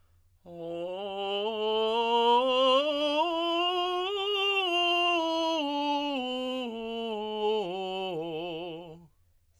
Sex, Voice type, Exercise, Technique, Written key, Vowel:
male, tenor, scales, slow/legato piano, F major, o